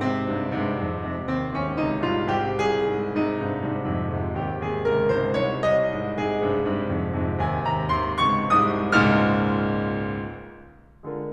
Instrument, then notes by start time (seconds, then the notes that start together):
piano
0.01 G#2 C3 C4
0.28 G2 G#2 C3
0.63 G2 G#2 C3
0.88 F2 G#2 C3
1.07 F2 G#2 C3
1.33 D#2 G#2 C3 C4
1.56 D#2 G#2 C3 C#4
1.84 C#2 G#2 C3 D#4
2.08 C2 G#2 C3 F4
2.32 C2 G#2 C3 G4
2.56 C2 G#4
2.85 G#2 C3
3.09 G#2 C3 D#4
3.30 G2 G#2 C3
3.48 G2 G#2 C3
3.77 F2 G#2 C3
4.05 F2 G#2 C3
4.30 D#2 G#2 C3 G4
4.59 D#2 G#2 C3 G#4
4.87 C#2 G#2 C3 A#4
5.10 C2 G#2 C3 C5
5.33 C2 G#2 C3 C#5
5.69 C2 D#5
5.93 G#2 C3
6.19 G#2 C3 G#4
6.44 G2 G#2 C3
6.69 G2 G#2 C3
6.91 F2 G#2 C3
7.17 F2 G#2 C3
7.41 D#2 G#2 C3 G#5
7.66 D#2 G#2 C3 A#5
7.91 C#2 G#2 C3 C6
8.19 C2 G#2 C3 C#6
8.54 C2 G#2 C3 D#6
8.99 C#2 G#2 A#2 F6
11.07 D3 G#3 F4 A#4